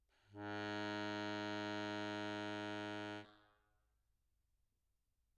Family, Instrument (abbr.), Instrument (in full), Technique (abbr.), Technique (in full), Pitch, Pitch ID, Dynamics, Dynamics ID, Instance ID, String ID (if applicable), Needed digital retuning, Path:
Keyboards, Acc, Accordion, ord, ordinario, G#2, 44, mf, 2, 0, , FALSE, Keyboards/Accordion/ordinario/Acc-ord-G#2-mf-N-N.wav